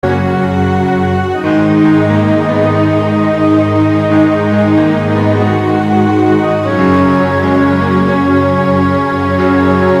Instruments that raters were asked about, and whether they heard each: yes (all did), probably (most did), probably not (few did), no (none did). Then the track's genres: cello: probably not
Easy Listening; Soundtrack; Instrumental